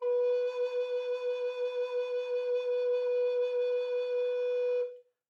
<region> pitch_keycenter=71 lokey=71 hikey=71 tune=1 volume=9.986942 offset=389 ampeg_attack=0.004000 ampeg_release=0.300000 sample=Aerophones/Edge-blown Aerophones/Baroque Tenor Recorder/SusVib/TenRecorder_SusVib_B3_rr1_Main.wav